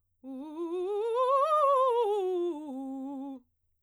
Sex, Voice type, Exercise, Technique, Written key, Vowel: female, soprano, scales, fast/articulated forte, C major, u